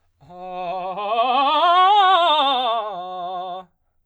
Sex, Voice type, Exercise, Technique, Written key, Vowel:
male, baritone, scales, fast/articulated forte, F major, a